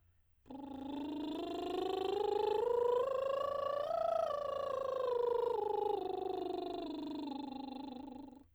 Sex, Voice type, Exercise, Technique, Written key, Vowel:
female, soprano, scales, lip trill, , u